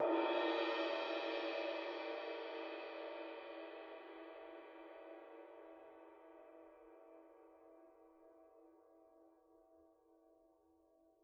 <region> pitch_keycenter=68 lokey=68 hikey=68 volume=21.924355 lovel=55 hivel=83 ampeg_attack=0.004000 ampeg_release=30 sample=Idiophones/Struck Idiophones/Suspended Cymbal 1/susCymb1_hit_mp1.wav